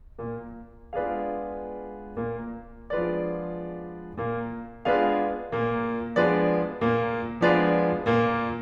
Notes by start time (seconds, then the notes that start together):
0.21 A#2 A#3
0.96 G#3 B3 D4 F4 G#4 B4 D5 F5
2.16 A#2 A#3
2.90 F3 G#3 B3 D4 F4 G#4 B4 D5
4.18 A#2 A#3
4.86 G#3 B3 D4 F4 G#4 B4 D5 F5
5.50 A#2 A#3
6.15 F3 G#3 B3 D4 F4 G#4 B4 D5
6.79 A#2 A#3
7.44 F3 G#3 B3 D4 F4 G#4 B4 D5
8.03 A#2 A#3